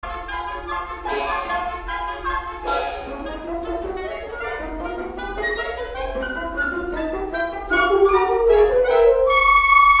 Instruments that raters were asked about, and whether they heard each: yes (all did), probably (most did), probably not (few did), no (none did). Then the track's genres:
mandolin: no
synthesizer: no
trumpet: probably not
clarinet: no
trombone: yes
Classical